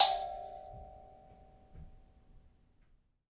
<region> pitch_keycenter=79 lokey=79 hikey=80 tune=53 volume=4.820332 ampeg_attack=0.004000 ampeg_release=15.000000 sample=Idiophones/Plucked Idiophones/Mbira Mavembe (Gandanga), Zimbabwe, Low G/Mbira5_Normal_MainSpirit_G4_k23_vl2_rr1.wav